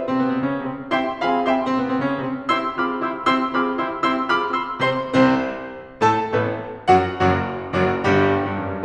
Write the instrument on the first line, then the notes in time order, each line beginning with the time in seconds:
piano
0.00 C3 C4
0.15 B2 B3
0.29 C3 C4
0.41 C#3 C#4
0.63 C3 C4
0.92 C4 E4 G4 E5 G5 C6
1.18 C4 F4 G#4 F5 G#5 B5
1.43 E4 G4 E5 G5 C6
1.57 C3 C4
1.71 B2 B3
1.88 C3 C4
2.01 C#3 C#4
2.26 C3 C4
2.52 C4 E4 G4 C6 E6
2.79 C4 F4 G#4 B5 D6 F6
3.04 E4 G4 C6 E6
3.30 C4 E4 G4 C6 E6
3.55 C4 F4 G#4 B5 D6 F6
3.83 E4 G4 C6 E6
4.09 C4 E4 G4 C6 E6
4.30 C4 F4 G#4 B5 D6 F6
4.55 E4 G4 C6 E6
4.82 C3 C4 C5 C6
5.13 C2 C3 C4 C5
6.05 A2 A3 A4 A5
6.28 A1 A2 A3 A4
6.87 F#2 F#3 F#4 F#5
7.13 F#1 F#2 F#3 F#4
7.74 F#1 F#2 F#3 F#4
8.07 G1 G2 G3 G4
8.51 G2
8.63 F#2
8.72 G2